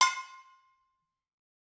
<region> pitch_keycenter=61 lokey=61 hikey=61 volume=6.768522 offset=262 lovel=100 hivel=127 ampeg_attack=0.004000 ampeg_release=10.000000 sample=Idiophones/Struck Idiophones/Brake Drum/BrakeDrum1_Hammer_v3_rr1_Mid.wav